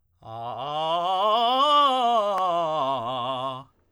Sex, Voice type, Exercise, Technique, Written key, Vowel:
male, tenor, scales, fast/articulated forte, C major, a